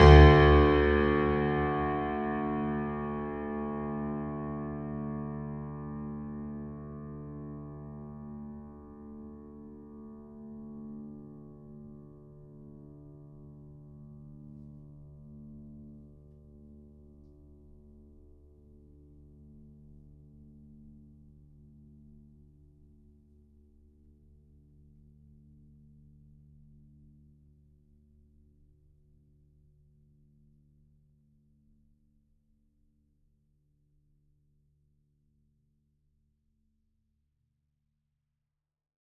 <region> pitch_keycenter=38 lokey=38 hikey=39 volume=-0.602574 lovel=100 hivel=127 locc64=65 hicc64=127 ampeg_attack=0.004000 ampeg_release=0.400000 sample=Chordophones/Zithers/Grand Piano, Steinway B/Sus/Piano_Sus_Close_D2_vl4_rr1.wav